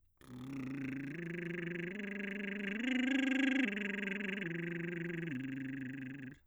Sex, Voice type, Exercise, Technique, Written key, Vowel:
male, bass, arpeggios, lip trill, , i